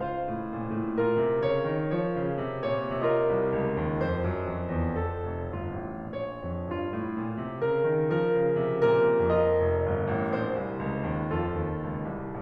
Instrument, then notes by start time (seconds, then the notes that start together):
piano
0.01 C#2 F4 C5 F5
0.27 A2
0.46 A#2
0.73 A2
0.95 A#2 F4 A#4
1.16 C3
1.43 C#3 C#5
1.68 D#3
1.92 F3 C#5
2.15 C#3
2.40 C3
2.66 A#2 C#5
2.90 C3 F4 A#4 D#5
3.32 C2
3.56 C#2
3.84 D#2
4.06 F2 C5
4.26 F#2
4.49 F2
4.69 E2
4.97 F2 A4
5.25 F1
5.49 G1 F4
5.78 A1
6.16 A#1 C#5
6.40 F2
6.68 G2 F4
6.91 A2
7.15 A#2
7.38 C3
7.64 C#3 A#4
7.89 D#3
8.17 F3 A#4
8.44 C#3
8.70 C3
8.96 A#2 A#4
9.26 G#2 F4 A#4 D#5
9.51 F1
9.83 G1
10.08 A1
10.32 A#1 C5
10.59 C2
10.81 C#2
11.05 D#2
11.32 F2 F4 A4
11.58 D#2
11.81 C#2
12.07 C2